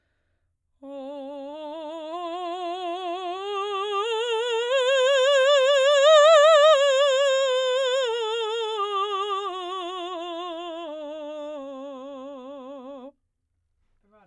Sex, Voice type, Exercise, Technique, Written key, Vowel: female, soprano, scales, vibrato, , o